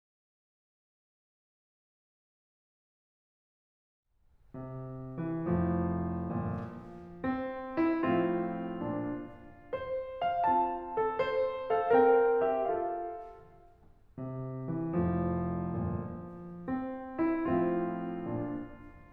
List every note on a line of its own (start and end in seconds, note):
4.06 5.15 C3
5.15 5.41 E3
5.41 6.32 F1
5.41 6.79 F2
5.41 6.32 A2
5.41 7.24 F3
6.32 6.79 G1
6.32 6.79 A#2
7.24 7.79 C4
7.80 7.94 E4
7.94 8.75 A2
7.94 9.26 F3
7.94 8.75 C4
7.94 9.68 F4
8.76 9.26 A#2
8.76 9.26 D4
9.69 10.23 C5
10.24 10.42 F5
10.44 11.91 C4
10.44 10.98 F4
10.44 11.75 A5
10.99 11.14 A4
11.16 11.75 C5
11.75 11.91 A4
11.75 11.91 F5
11.92 12.60 C4
11.92 12.43 A#4
11.92 12.43 G5
12.43 12.60 G4
12.43 12.60 E5
12.61 13.32 F4
12.61 13.32 A4
12.61 13.32 F5
14.13 14.73 C3
14.74 15.03 E3
15.03 15.78 F1
15.03 16.17 F2
15.03 15.78 A2
15.03 16.58 F3
15.78 16.17 G1
15.78 16.17 A#2
16.59 17.24 C4
17.25 17.46 E4
17.48 18.34 A2
17.48 18.73 F3
17.48 18.34 C4
17.48 19.11 F4
18.35 18.73 A#2
18.35 18.73 D4